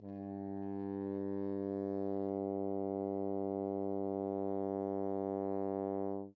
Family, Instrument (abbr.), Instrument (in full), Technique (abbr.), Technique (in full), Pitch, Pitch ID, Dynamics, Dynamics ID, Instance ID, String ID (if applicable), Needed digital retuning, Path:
Brass, Hn, French Horn, ord, ordinario, G2, 43, mf, 2, 0, , FALSE, Brass/Horn/ordinario/Hn-ord-G2-mf-N-N.wav